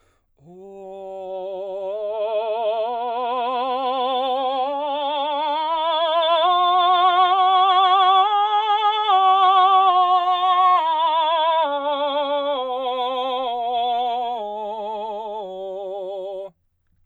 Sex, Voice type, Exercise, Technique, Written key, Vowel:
male, baritone, scales, slow/legato forte, F major, o